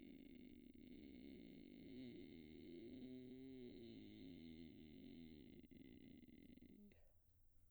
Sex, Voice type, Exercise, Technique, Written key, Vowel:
female, soprano, arpeggios, vocal fry, , i